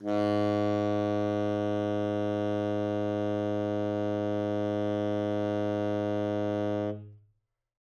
<region> pitch_keycenter=44 lokey=44 hikey=45 volume=15.269631 offset=209 lovel=0 hivel=83 ampeg_attack=0.004000 ampeg_release=0.500000 sample=Aerophones/Reed Aerophones/Tenor Saxophone/Non-Vibrato/Tenor_NV_Main_G#1_vl2_rr1.wav